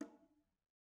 <region> pitch_keycenter=60 lokey=60 hikey=60 volume=28.295637 offset=176 lovel=0 hivel=65 seq_position=1 seq_length=2 ampeg_attack=0.004000 ampeg_release=15.000000 sample=Membranophones/Struck Membranophones/Bongos/BongoH_Hit1_v1_rr1_Mid.wav